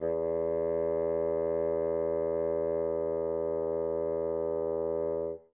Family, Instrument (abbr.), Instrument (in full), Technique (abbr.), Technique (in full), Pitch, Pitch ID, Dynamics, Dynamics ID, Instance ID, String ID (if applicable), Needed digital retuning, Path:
Winds, Bn, Bassoon, ord, ordinario, E2, 40, mf, 2, 0, , TRUE, Winds/Bassoon/ordinario/Bn-ord-E2-mf-N-T10u.wav